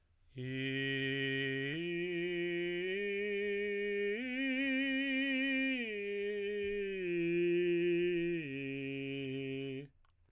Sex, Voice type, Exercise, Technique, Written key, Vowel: male, tenor, arpeggios, straight tone, , i